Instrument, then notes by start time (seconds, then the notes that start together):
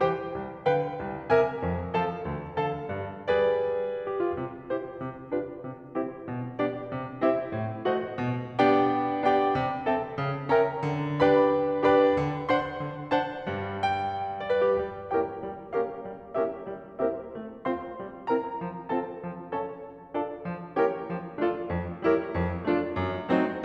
piano
0.00 E3 G4 C5 G5
0.34 C2
0.68 D3 B4 F5 G5
1.00 C2
1.30 C3 A#4 E5 G#5
1.63 F2
1.96 F3 A4 F5 A5
2.28 D2
2.55 D3 A4 F5 A5
2.84 G2
3.20 G3 G#4 B4 D5
3.96 G4
4.14 F4
4.32 C3
4.66 E4 G4 C5
4.96 C3
5.33 D4 F4 G4 B4
5.58 C3
5.93 C4 E4 G4 C5
6.23 B2
6.58 B3 D4 G4 D5
6.91 C3
7.24 C4 E4 G4 C5 E5
7.51 A2
7.83 A3 F#4 C5 D#5 F#5
8.16 B2
8.60 B3 D4 G4 D5 G5
9.22 B3 D4 G4 D5 G5
9.56 D3
9.88 C4 A4 E5 G5 A5
10.17 C#3
10.51 C#4 A#4 E5 G5 A#5
10.79 D3
11.23 D4 G4 B4 D5 G5 B5
11.78 D4 G4 B4 D5 G5 B5
12.21 D3
12.50 D4 C5 F#5 C6
12.82 D3
13.13 D4 C5 F#5 A5
13.48 G2 G3
13.83 G5
14.44 D5
14.52 B4
14.65 G4
14.74 G3
15.09 A#3 C#4 E4 G4 A#4 C#5 G5
15.44 G3
15.73 A#3 C#4 E4 G4 A#4 C#5 F5
16.01 G3
16.31 A#3 C#4 E4 G4 A#4 C#5 E5
16.66 G3
17.01 A#3 C4 E4 G4 A#4 C5 E5
17.38 A3
17.67 C4 F4 C5 F5 C6
17.95 G3
18.26 C4 E4 A#4 C5 E5 A#5
18.61 F3
18.89 C4 F4 A4 C5 F5 A5
19.21 F3
19.48 C#4 F4 A4 C#5 F5 A5
19.82 F3
20.11 D4 F4 A4 D5 F5 A5
20.45 F3
20.77 A#3 C#4 E4 G4 A#4 C#5 E5 G5
21.06 F3
21.39 A3 D4 F4 A4 D5 F5
21.63 F2
21.97 G3 A#3 E4 G4 A#4 C#5 E5
22.28 F2
22.65 F3 A3 D4 F4 A4 D5
22.91 F#2
23.29 F#3 A3 C4 D#4 F#4 A4 C5